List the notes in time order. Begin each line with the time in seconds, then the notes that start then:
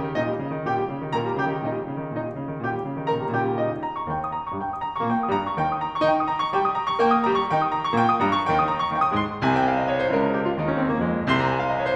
0.00 D#3
0.15 A#2 D#4 D#5
0.29 G3
0.41 C#3
0.51 D#3
0.63 A#2 G4 G5
0.77 G3
0.87 C#3
1.00 D#3
1.18 A#2 A#4 A#5
1.30 G3
1.40 C#3 G4 G5
1.51 D#3
1.61 A#2 D#4 D#5
1.72 G3
1.85 C#3
2.00 D#3
2.11 A#2 D#4 D#5
2.29 G3
2.39 C#3
2.54 D#3
2.64 A#2 G4 G5
2.76 G3
2.84 C#3
3.00 D#3
3.13 A#2 A#4 A#5
3.24 G3
3.36 C#3 G4 G5
3.48 D#3
3.61 A#2 D#4 D#5
3.73 G3
3.87 A#5
3.97 C#6
4.10 D#2 D#3 G5
4.20 D#6
4.31 A#5
4.42 C#6
4.57 G2 G3 G5
4.73 D#6
4.83 A#5
4.93 C#6
5.07 A#2 A#3 G5
5.21 D#6
5.34 G2 G3 A#5
5.51 C#6
5.62 D#2 D#3 G5
5.74 D#6
5.83 A#5
5.93 C#6
6.04 D#3 D#4 G5
6.13 D#6
6.23 A#5
6.33 C#6
6.54 G3 G4 G5
6.68 D#6
6.77 A#5
6.84 C#6
7.04 A#3 A#4 G5
7.19 D#6
7.31 G3 G4 A#5
7.41 C#6
7.53 D#3 D#4 G5
7.65 D#6
7.76 A#5
7.86 C#6
7.93 A#2 A#3 G5
8.05 D#6
8.16 G2 G3 A#5
8.28 C#6
8.50 D#2 D#3 G5
8.60 D#6
8.71 A#5
8.84 C#6
8.94 D#2 D#3 G5
9.04 D#6
9.13 G#2 G#3 C6
9.39 C2 C3 G#5
9.54 G5
9.65 F5
9.75 D#5
9.87 C#5
10.02 C5
10.15 C#2 C#3 A#4
10.25 G#4
10.36 G4
10.48 F4
10.57 D#2 D#3 D#4
10.67 C#4
10.79 C4
10.93 A#3
11.05 F2 F3 G#3
11.32 C2 C3 C6
11.44 A#5
11.55 G#5
11.61 G5
11.69 F5
11.76 D#5
11.83 C#5
11.90 C5